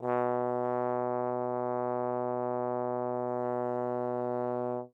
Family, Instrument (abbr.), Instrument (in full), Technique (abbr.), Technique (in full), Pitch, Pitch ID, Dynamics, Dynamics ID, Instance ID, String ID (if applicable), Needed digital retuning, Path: Brass, Tbn, Trombone, ord, ordinario, B2, 47, mf, 2, 0, , TRUE, Brass/Trombone/ordinario/Tbn-ord-B2-mf-N-T26d.wav